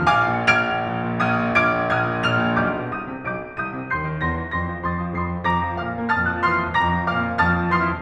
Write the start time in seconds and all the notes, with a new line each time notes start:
0.00 A#1 F5 G#5 D6 F6
0.14 A#2
0.29 A#1 F6 G#6 D7 F7
0.59 A#2
0.75 A#1
0.93 A#2
1.17 A#1 D#6 F6 G#6 D#7
1.31 A#2
1.47 A#1 D6 F6 G#6 D7
1.68 A#2
1.83 A#1 D#6 F6 G#6 D#7
2.05 A#2
2.19 A#1 F6 G#6 F7
2.36 A#2
2.62 B1 D6 F6 G6 D7
2.79 B2
2.96 C2 D#6 G6 D#7
3.12 C3
3.25 B1 D6 F6 G6 D7
3.41 B2
3.55 C2 D#6 G6 D#7
3.70 C3
3.87 D#2 C6 G6 C7
4.04 D#3
4.21 E2 C6 G6 A#6
4.38 E3
4.55 G2 C6 E6 A#6
4.69 G3
4.85 F2 C6 D#6 A6
5.00 F3
5.13 F2 C6 D#6 C7
5.31 F3
5.46 F2 A#5 D6 A#6
5.62 F3
5.80 A#2 F5 D6 F6
5.99 A#3
6.14 F2 A5 D#6 F6 A6
6.28 F3
6.47 F3 C6 D#6 F6 C7
6.61 F4
6.78 F2 A#5 D6 F6 A#6
7.01 F3
7.13 A#2 F5 D6 F6
7.28 A#3
7.41 F2 A5 D#6 F6 A6
7.59 F3
7.73 F3 C6 D#6 F6 C7
7.86 F4